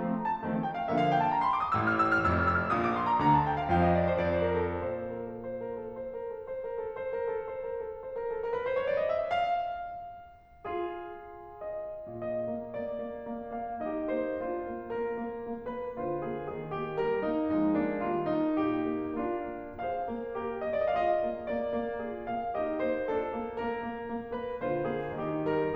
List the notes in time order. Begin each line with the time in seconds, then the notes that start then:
0.00 F3 A3 C4
0.22 A#5
0.36 A5
0.48 D#3 F3 A3 C4
0.67 G5
0.79 F5
0.89 D3 F3 A#3 E5
1.01 F5
1.11 G5
1.21 A5
1.31 A#5
1.43 C6
1.53 D6
1.67 D#6
1.79 A1 A2 E6
1.88 F6
2.00 E6
2.15 F6
2.25 F1 F2 E6
2.36 F6
2.52 E6
2.64 F6
2.74 A#1 A#2 D#6
2.87 D6
2.98 C6
3.20 D2 D3 A#5
3.32 A5
3.42 G5
3.66 F2 F3 F5
3.83 D#5
4.01 D5
4.14 C5
4.25 F2 D5
4.35 C5
4.47 A#4
4.59 A4
4.75 A#2 C5
4.96 A#4
5.10 A4
5.25 C5
5.61 A#4
5.77 A4
5.93 C5
6.11 A#4
6.25 A4
6.42 C5
6.62 A#4
6.84 A4
7.01 C5
7.17 A#4
7.33 A4
7.48 C5
7.64 A#4
7.84 A4
8.01 C5
8.14 A#4
8.31 A4
8.45 A#4
8.53 B4
8.61 C5
8.70 C#5
8.79 D5
8.97 D#5
9.06 E5
9.17 F5
10.65 F4 G#4
11.69 D#5
12.04 A#2 D#5
12.46 A#3
12.71 A#3 D5
12.98 A#3
13.25 A#3
13.50 A#3 F5
13.82 D#4 G4 D#5
14.11 A#3 C5
14.40 D4 F4 C5
14.64 A#3
14.90 A#3 A#4
15.08 A#3
15.33 A#3
15.71 A#3 B4
15.96 D3 F4 C5
16.20 A#3 G#4
16.54 D#3 G#4
16.78 A#3 G4
16.99 G3 A#4
17.25 A#3 D#4
17.54 F3 G#3 D#4
17.76 A#3 D4
18.03 D#3 G3 F4
18.30 A#3 D#4
18.67 A#2 G4
18.89 A#3
19.13 A#3 D4 F4
19.49 A#3
19.77 G#4 C5 F5
20.05 A#3
20.35 G4 A#4
20.57 A#3 D#5
20.79 F4 G#4 D5
20.86 D#5
20.93 F5
21.21 D#5
21.32 A#3
21.55 A#3 D5
21.78 A#3
22.06 F4 G#4
22.30 A#3 F5
22.57 D#4 G4 D#5
22.81 A#3 C5
23.12 D4 F4 A4
23.35 A#3
23.63 A#3 A#4
23.86 A#3
24.08 A#3
24.37 A#3 B4
24.62 D3 F4 C5
24.85 A#3 G#4
25.19 D#3 D#4 G4
25.53 G3 A#4